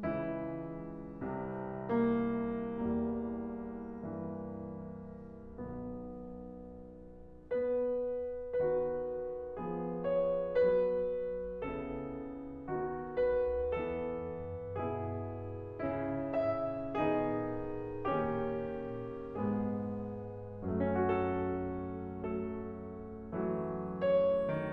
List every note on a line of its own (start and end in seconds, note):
0.01 1.24 C#2
0.01 1.24 C#3
0.01 2.78 E3
0.01 1.97 E4
1.31 2.78 C2
1.31 2.78 C3
2.00 2.78 A#3
2.79 5.53 C2
2.79 4.19 E2
2.79 4.19 G3
2.79 5.53 A#3
4.20 5.53 G2
4.20 5.53 E3
5.56 7.19 B1
5.56 7.19 B2
5.56 7.19 D#3
5.56 7.19 B3
7.22 8.61 B3
7.22 8.61 B4
8.62 9.56 D#3
8.62 9.56 B3
8.62 9.56 F#4
8.62 10.04 B4
9.58 10.56 F3
9.58 10.56 B3
9.58 10.56 G#4
10.04 10.56 C#5
10.56 11.64 F#3
10.56 11.64 B3
10.56 11.64 B4
11.65 12.70 C#3
11.65 12.70 B3
11.65 12.70 E4
11.65 13.15 A4
12.71 13.68 D#3
12.71 13.68 B3
12.71 13.68 F#4
13.17 13.68 B4
13.69 14.74 E3
13.69 14.74 B3
13.69 14.74 A4
14.75 15.87 B2
14.75 15.87 B3
14.75 15.87 E4
14.75 16.33 G#4
15.88 16.96 C#3
15.88 16.96 C#4
15.88 16.96 E4
16.34 16.96 E5
16.98 18.21 D#3
16.98 18.21 B3
16.98 18.21 D#4
16.98 18.21 G#4
18.22 19.37 D#3
18.22 19.37 A#3
18.22 19.37 C#4
18.22 19.37 G4
19.38 20.66 G#2
19.38 20.66 G#3
19.38 20.66 B3
19.38 20.66 G#4
20.68 20.82 A3
20.83 20.92 C#4
20.94 21.03 F#4
21.08 22.24 F#2
21.08 22.24 F#3
21.08 22.24 A4
22.25 23.54 F#3
22.25 23.54 A3
22.25 24.08 A4
23.55 24.72 E3
23.55 24.72 F#3
23.55 24.72 A3
24.11 24.72 C#5